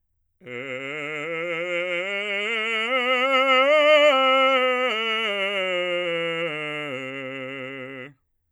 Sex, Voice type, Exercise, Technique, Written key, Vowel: male, bass, scales, vibrato, , e